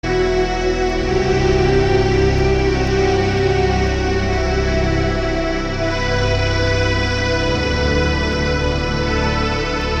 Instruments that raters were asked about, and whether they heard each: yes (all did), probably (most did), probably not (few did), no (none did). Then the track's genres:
accordion: no
Ambient Electronic; Ambient